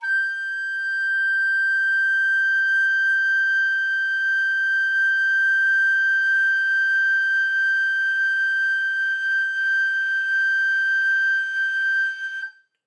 <region> pitch_keycenter=91 lokey=91 hikey=92 volume=8.790412 offset=419 ampeg_attack=0.1 ampeg_release=0.300000 sample=Aerophones/Edge-blown Aerophones/Baroque Soprano Recorder/Sustain/SopRecorder_Sus_G5_rr1_Main.wav